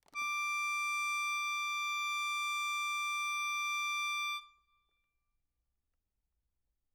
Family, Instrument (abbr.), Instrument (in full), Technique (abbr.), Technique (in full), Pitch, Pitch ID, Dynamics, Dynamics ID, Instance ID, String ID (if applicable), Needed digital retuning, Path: Keyboards, Acc, Accordion, ord, ordinario, D6, 86, ff, 4, 1, , FALSE, Keyboards/Accordion/ordinario/Acc-ord-D6-ff-alt1-N.wav